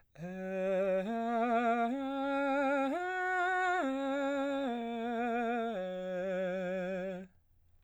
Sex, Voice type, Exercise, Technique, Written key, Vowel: male, baritone, arpeggios, slow/legato piano, F major, e